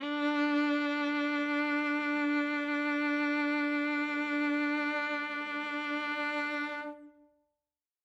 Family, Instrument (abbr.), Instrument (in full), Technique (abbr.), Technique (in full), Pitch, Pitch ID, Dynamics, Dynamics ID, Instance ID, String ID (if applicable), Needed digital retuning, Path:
Strings, Va, Viola, ord, ordinario, D4, 62, ff, 4, 3, 4, FALSE, Strings/Viola/ordinario/Va-ord-D4-ff-4c-N.wav